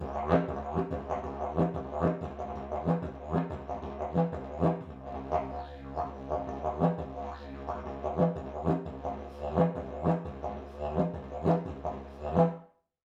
<region> pitch_keycenter=65 lokey=65 hikey=65 volume=5.000000 ampeg_attack=0.004000 ampeg_release=1.000000 sample=Aerophones/Lip Aerophones/Didgeridoo/Didgeridoo1_Phrase6_Main.wav